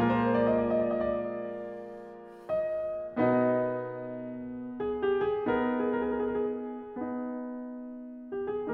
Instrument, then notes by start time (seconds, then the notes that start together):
piano
0.00 F4
0.08 A#2 A#4
0.16 F3
0.21 D5
0.26 G#3
0.35 A#3
2.51 D#5
3.19 D#4 A#4 D#5
3.24 B2 B3
4.78 G#4
4.99 G4
5.22 G#4
5.48 A#4
5.53 B3 D#4 G#4
5.64 A#4
5.69 G#4
5.77 A#4
5.82 G#4
7.11 B3 D#4
8.30 G4
8.51 G#4